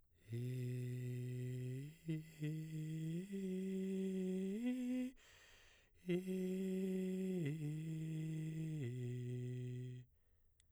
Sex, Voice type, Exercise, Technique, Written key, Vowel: male, baritone, arpeggios, breathy, , i